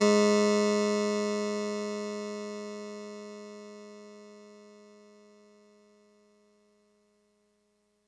<region> pitch_keycenter=44 lokey=43 hikey=46 volume=5.911535 offset=2 lovel=100 hivel=127 ampeg_attack=0.004000 ampeg_release=0.100000 sample=Electrophones/TX81Z/Clavisynth/Clavisynth_G#1_vl3.wav